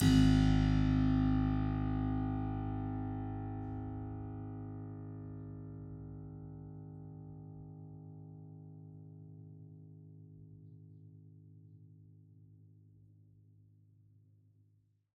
<region> pitch_keycenter=32 lokey=30 hikey=33 volume=0 trigger=attack ampeg_attack=0.004000 ampeg_release=0.400000 amp_veltrack=0 sample=Chordophones/Zithers/Harpsichord, French/Sustains/Harpsi2_Normal_G#0_rr1_Main.wav